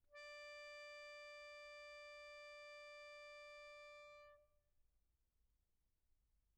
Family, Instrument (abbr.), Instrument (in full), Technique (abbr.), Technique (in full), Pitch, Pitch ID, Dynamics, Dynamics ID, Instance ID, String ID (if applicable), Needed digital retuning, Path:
Keyboards, Acc, Accordion, ord, ordinario, D5, 74, pp, 0, 1, , FALSE, Keyboards/Accordion/ordinario/Acc-ord-D5-pp-alt1-N.wav